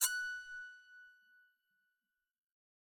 <region> pitch_keycenter=90 lokey=90 hikey=91 tune=20 volume=10.223014 offset=177 ampeg_attack=0.004000 ampeg_release=15.000000 sample=Chordophones/Zithers/Psaltery, Bowed and Plucked/Spiccato/BowedPsaltery_F#5_Main_Spic_rr4.wav